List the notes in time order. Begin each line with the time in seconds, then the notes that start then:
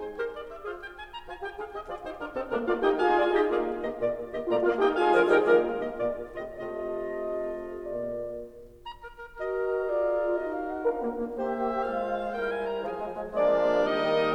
0.00 C5
0.14 G4 A#4 C5
0.27 D5
0.41 E5
0.62 F4 G#4 C5 F5
0.75 G5
0.93 G#5
1.11 A#5
1.27 F4 G#5
1.43 G4 G5
1.58 G#4 F5
1.70 G4 D#5
1.81 F4 G#4 D5
2.00 D#4 G4 C5
2.18 D4 F4 A#4
2.32 C4 D#4 A4
2.52 A#3 D4 A#4
2.66 A#3 F4 D5 F5
2.82 D#4 G4 D#5 G5
2.96 F4 G#4 F5 G#5
3.15 F4 D5
3.29 D#4 G4 D#5 G5
3.47 A#3 F4 G#4 D5 F5
3.73 D#3 A#3 G4 D#5
3.92 A#2 A#3 F4 D5
4.25 D#3 A#3 G4 D#5
4.42 A#2 A#3 F4 D5 A#5
4.62 A#3 F4 D5 F5
4.77 D#4 G4 D#5 G5
4.95 F4 G#4 F5 G#5
5.15 D3 F3 A#4
5.33 D#3 G3 D#4 G4 A#4 D#5 G5
5.53 F3 G#3 A#3 F4 A#4 D5 F5
6.08 D#3 A#3 G4 D#5
6.33 A#3 D5
6.51 A#2 F4
6.75 A3 F4 D#5
6.94 C3 F4 D#5
7.17 A3
7.63 A#2 A#3 F4
8.84 A#5
9.00 A#4
9.20 A#4
9.38 F#4 A#4 D#5
9.96 F4 G#4 A#4 D5
10.31 D#4 F#4 A#4 D#5
10.41 F5
10.62 F#5
10.77 D4 F4 A#4 F5
10.96 A#3
11.15 A#3
11.37 A#3 G4 C5 D#5
11.84 G#3 F4 C5 F5
12.36 G3 E4 A#4 G5
12.54 G#5
12.69 A#5
12.84 F3 F4 G#4 G#5
13.01 F3 G#3
13.20 F3 G#3
13.36 F3 G#3 A#3 D4 A#4 D5
13.89 D#3 G3 A#3 D#4 A#4 D#5